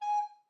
<region> pitch_keycenter=80 lokey=80 hikey=81 volume=18.141896 offset=362 ampeg_attack=0.004000 ampeg_release=10.000000 sample=Aerophones/Edge-blown Aerophones/Baroque Alto Recorder/Staccato/AltRecorder_Stac_G#4_rr1_Main.wav